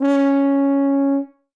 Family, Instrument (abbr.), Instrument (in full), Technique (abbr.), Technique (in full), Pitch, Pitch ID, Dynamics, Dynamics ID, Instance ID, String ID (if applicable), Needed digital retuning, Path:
Brass, BTb, Bass Tuba, ord, ordinario, C#4, 61, ff, 4, 0, , TRUE, Brass/Bass_Tuba/ordinario/BTb-ord-C#4-ff-N-T21u.wav